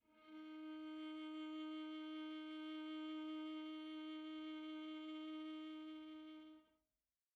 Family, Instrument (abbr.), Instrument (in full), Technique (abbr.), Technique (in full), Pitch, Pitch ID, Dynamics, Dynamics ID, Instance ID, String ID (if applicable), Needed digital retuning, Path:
Strings, Va, Viola, ord, ordinario, D#4, 63, pp, 0, 2, 3, FALSE, Strings/Viola/ordinario/Va-ord-D#4-pp-3c-N.wav